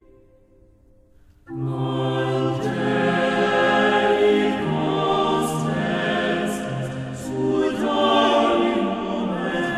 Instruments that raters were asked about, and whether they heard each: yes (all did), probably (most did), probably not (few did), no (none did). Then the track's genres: voice: yes
banjo: no
Choral Music